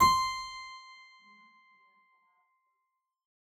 <region> pitch_keycenter=84 lokey=84 hikey=86 volume=0 trigger=attack ampeg_attack=0.004000 ampeg_release=0.350000 amp_veltrack=0 sample=Chordophones/Zithers/Harpsichord, English/Sustains/Normal/ZuckermannKitHarpsi_Normal_Sus_C5_rr1.wav